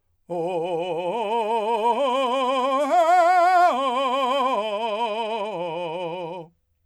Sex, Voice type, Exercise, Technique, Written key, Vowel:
male, , arpeggios, slow/legato forte, F major, o